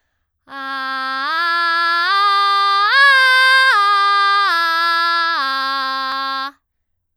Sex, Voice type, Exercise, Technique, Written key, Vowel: female, soprano, arpeggios, belt, , a